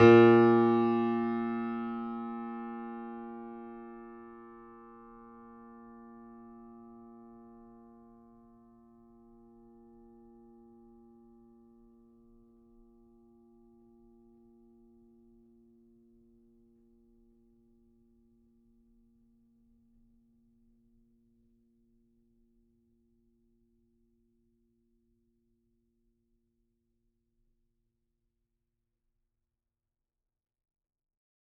<region> pitch_keycenter=46 lokey=46 hikey=47 volume=-0.860930 lovel=100 hivel=127 locc64=0 hicc64=64 ampeg_attack=0.004000 ampeg_release=0.400000 sample=Chordophones/Zithers/Grand Piano, Steinway B/NoSus/Piano_NoSus_Close_A#2_vl4_rr1.wav